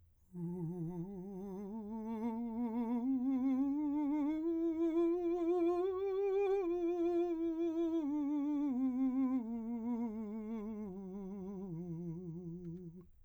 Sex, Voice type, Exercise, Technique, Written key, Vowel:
male, , scales, slow/legato piano, F major, u